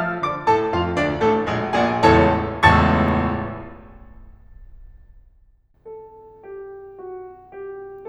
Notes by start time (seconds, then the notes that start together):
0.00 F3 F5 F6
0.22 D3 D5 D6
0.45 A2 A4 A5
0.75 F2 F4 F5
0.98 D2 D4 D5
1.21 A1 A2 A3 A4
1.46 A#1 A#2 G#3 D4 G#4
1.67 A#1 A#2 G#4 D5 G#5
2.01 A1 C#2 E2 A2 A4 C#5 A5
2.64 A1 C#2 E2 A2 A5 C#6 E6 A6
5.86 A4
6.46 G4
6.93 F#4
7.56 G4